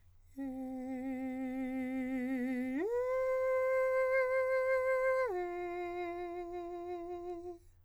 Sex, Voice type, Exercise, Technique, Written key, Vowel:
male, countertenor, long tones, full voice pianissimo, , e